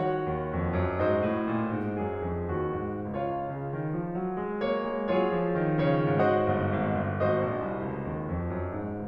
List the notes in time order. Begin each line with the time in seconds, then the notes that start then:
0.00 D#3 F#4 C#5 F#5
0.26 D#2
0.52 F2
0.78 F#2
1.01 G#2 F#4 C5 D#5
1.28 A2
1.49 A#2
1.78 G#2
1.99 F#2 G#4
2.19 F2
2.44 D#2 F#4
2.69 G#2
3.16 C#2 F4 C#5 F5
3.42 C#3
3.72 D#3
3.99 F3
4.24 F#3
4.39 G#3
4.67 A#3 C#5
4.88 G#3
5.19 F#3 F4 G#4 C#5
5.45 F3
5.67 D#3
5.91 C#3 C#5
6.14 G#2 F#4 C5 D#5 F#5
6.46 G1
6.65 G#1
6.92 G1
7.19 G#1 F#4 C5 D#5
7.41 A#1
7.69 C2
7.88 C#2
8.10 D#2
8.32 F2
8.57 F#2
8.82 G#2